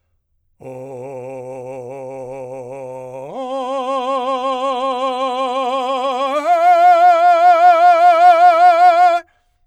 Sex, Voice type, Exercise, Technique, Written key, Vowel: male, , long tones, full voice forte, , o